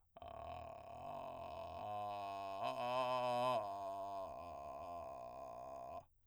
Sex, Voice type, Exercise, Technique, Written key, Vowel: male, , arpeggios, vocal fry, , a